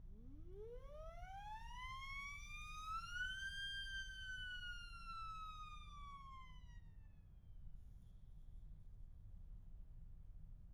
<region> pitch_keycenter=63 lokey=63 hikey=63 volume=20.000000 ampeg_attack=0.004000 ampeg_release=1.000000 sample=Aerophones/Free Aerophones/Siren/Main_SirenWhistle-009.wav